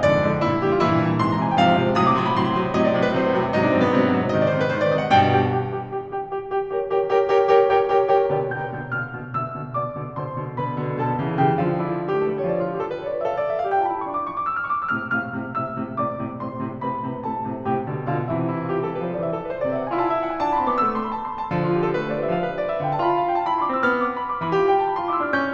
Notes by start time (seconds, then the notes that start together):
0.00 F2 G#2 D3 D5
0.19 F2 G#2 D3
0.42 G2 A#2 D3 E4
0.66 G2 A#2 D3 G4
0.78 F4
0.87 G2 A#2 E3 E4
1.02 G2 A#2 E3
1.21 G#2 C3 E3 C6
1.29 A#5
1.39 G#2 C3 E3 G#5
1.50 G5
1.57 G#2 C3 F3 F5
1.78 G#2 C3 F3
1.97 A2 C3 F#3 D#6
2.07 D6
2.16 A2 C3 F#3 C6
2.26 B5
2.36 A2 C3 F#3 C6
2.55 A2 C3 F#3
2.74 A2 C3 F#3 D#5
2.86 D5
2.96 A2 C3 F#3 C5
3.05 B4
3.16 A2 C3 F#3 C5
3.32 A2 C3 F#3
3.51 G#2 C3 F#3 D#4
3.60 D4
3.70 G#2 C3 F#3 C4
3.82 B3
3.94 G#2 C3 F#3 C4
4.16 G#2 C3 F#3
4.35 G#2 C3 D#3 D#5
4.45 D5
4.54 G#2 C3 D#3 C5
4.63 B4
4.75 G#2 C3 C5
4.83 D5
4.92 G#2 C3 D#5
5.03 F#5
5.13 G2 B2 G5
5.51 G4 G5
5.89 G4 G5
6.08 G4 G5
6.25 G4 G5
6.40 G4 G5
6.56 G4 G5
6.76 G4 G5
6.94 G4 A#4 C#5 G5
7.15 G4 A#4 C#5 G5
7.34 G4 A#4 C#5 G5
7.53 G4 A#4 C#5 G5
7.71 G4 A#4 C#5 G5
7.85 G4 A#4 C#5 G5
8.01 G4 A#4 C#5 G5
8.15 G4 A#4 C#5 G5
8.34 B2 D3 G4 B4 D5 G5
8.52 B2 D3 G5 G6
8.71 B2 D3
8.92 B2 D3 F5 F6
9.13 B2 D3
9.33 B2 D3 E5 E6
9.53 B2 D3
9.74 B2 D3 D5 D6
9.98 B2 D3
10.17 B2 D3 C5 C6
10.38 B2 D3
10.60 B2 D3 B4 B5
10.80 B2 D3
10.97 B2 D3 A4 A5
11.20 C#3 E3
11.39 C#3 E3 G4 G5
11.60 D3 F3 F4 F5
11.67 D4
11.76 E4
11.85 F4
11.99 G4
12.11 A4
12.21 A3 B4
12.39 G3 C#5
12.49 F3 D5
12.63 F4
12.74 G4
12.86 A4
12.96 B4
13.04 C#5
13.12 D5
13.21 E5
13.32 A4 F5
13.40 D5
13.48 E5
13.61 F5
13.71 G5
13.79 G4 A5
13.90 F4 B5
14.02 E4 C#6
14.12 D4 D6
14.21 C#6
14.29 D6
14.37 E6
14.51 F6
14.62 C#6
14.72 D6
14.81 E6
14.94 A2 C3 F6
15.14 A2 C3 F5 F6
15.30 A2 C3
15.48 A2 C3 E5 E6
15.69 A2 C3
16.01 A2 C3 D5 D6
16.22 A2 C3
16.40 A2 C3 C5 C6
16.56 A2 C3
16.80 A2 C3 B4 B5
17.00 A2 C3
17.25 A2 C3 A4 A5
17.46 A2 C3
17.65 A2 C3 G4 G5
17.84 B2 D3
18.08 B2 D3 F4 F5
18.32 C3 E3 E4 E5
18.41 E4
18.51 F4
18.62 G4
18.74 A4
18.85 B4
18.96 G3 C5
19.08 F3 D5
19.19 E3 E5
19.30 A4
19.39 B4
19.49 C5
19.59 D5
19.69 E5
19.76 F#5
19.85 G#5
19.95 C3 A5
19.99 E4
20.05 E5
20.14 F#5
20.24 G#5
20.33 A5
20.49 D4 B5
20.61 C4 C6
20.70 B3 D6
20.77 A3 E6
20.86 D6
20.97 C6
21.06 B5
21.15 A5
21.23 B5
21.30 C6
21.40 A5
21.51 D3 F3
21.57 F4
21.66 G4
21.76 A4
21.87 B4
21.98 C5
22.09 A3 D5
22.22 G3 E5
22.35 F3 F5
22.44 B4
22.55 C5
22.63 D5
22.70 E5
22.77 F5
22.85 G5
22.94 A5
23.03 D3 B5
23.09 F4
23.14 F5
23.29 G5
23.37 A5
23.46 B5
23.56 E4 C6
23.64 D4 D6
23.72 C4 E6
23.82 B3 F6
23.89 E6
23.96 D6
24.06 C6
24.17 B5
24.26 C6
24.33 D6
24.39 B5
24.49 E3
24.56 G4
24.64 G5
24.74 A5
24.85 B5
24.92 C6
25.01 F4 D6
25.11 E4 E6
25.19 D4 F6
25.26 C#4 G6
25.33 F6
25.40 E6
25.47 D6